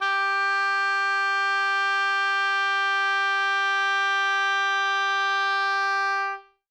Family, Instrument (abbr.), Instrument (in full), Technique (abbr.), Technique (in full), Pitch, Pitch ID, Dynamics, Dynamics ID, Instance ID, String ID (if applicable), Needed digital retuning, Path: Winds, Ob, Oboe, ord, ordinario, G4, 67, ff, 4, 0, , FALSE, Winds/Oboe/ordinario/Ob-ord-G4-ff-N-N.wav